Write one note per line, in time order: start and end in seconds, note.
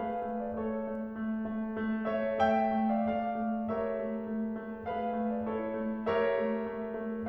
0.00 0.24 A3
0.00 0.58 G#4
0.00 0.58 B4
0.00 0.44 F5
0.26 0.58 A3
0.45 0.58 D5
0.60 0.86 A3
0.60 2.09 A4
0.60 2.09 C#5
0.87 1.21 A3
1.22 1.53 A3
1.54 1.81 A3
1.81 2.09 A3
2.10 2.37 A3
2.10 2.37 C#5
2.10 2.37 E5
2.38 2.65 A3
2.38 2.83 E5
2.38 2.83 G5
2.67 3.01 A3
2.84 3.01 D5
2.84 3.01 F5
3.02 3.39 A3
3.02 3.69 D5
3.02 3.69 F5
3.40 3.69 A3
3.70 3.92 A3
3.70 4.93 G4
3.70 4.93 A#4
3.70 4.93 C#5
3.70 4.93 E5
3.94 4.26 A3
4.27 4.62 A3
4.63 4.93 A3
4.96 5.24 A3
4.96 5.51 G#4
4.96 5.51 B4
4.96 5.35 F5
5.24 5.51 A3
5.38 5.51 D5
5.53 5.76 A3
5.53 6.05 E4
5.53 6.05 A4
5.53 6.05 C#5
5.78 6.05 A3
6.06 6.26 A3
6.06 7.28 G4
6.06 7.28 A#4
6.06 7.28 C#5
6.06 7.28 E5
6.27 6.55 A3
6.56 6.87 A3
6.90 7.28 A3